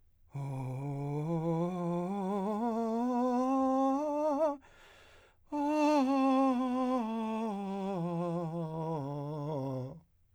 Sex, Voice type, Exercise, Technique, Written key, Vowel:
male, , scales, breathy, , o